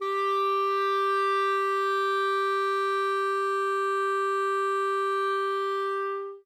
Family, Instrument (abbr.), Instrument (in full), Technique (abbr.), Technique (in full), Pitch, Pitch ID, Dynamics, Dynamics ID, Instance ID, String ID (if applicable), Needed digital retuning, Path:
Winds, ClBb, Clarinet in Bb, ord, ordinario, G4, 67, ff, 4, 0, , TRUE, Winds/Clarinet_Bb/ordinario/ClBb-ord-G4-ff-N-T30u.wav